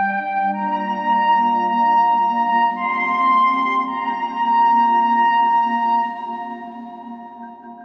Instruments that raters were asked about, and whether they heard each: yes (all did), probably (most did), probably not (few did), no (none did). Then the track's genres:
clarinet: probably
flute: probably
New Age; Instrumental